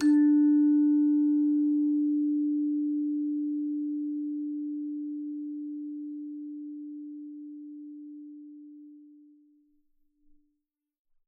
<region> pitch_keycenter=62 lokey=62 hikey=63 tune=-11 volume=5.941053 ampeg_attack=0.004000 ampeg_release=30.000000 sample=Idiophones/Struck Idiophones/Hand Chimes/sus_D3_r01_main.wav